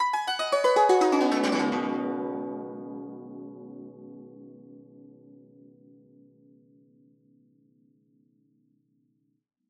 <region> pitch_keycenter=61 lokey=61 hikey=61 volume=7.000000 ampeg_attack=0.004000 ampeg_release=0.300000 sample=Chordophones/Zithers/Dan Tranh/Gliss/Gliss_Dwn_Slw_ff_1.wav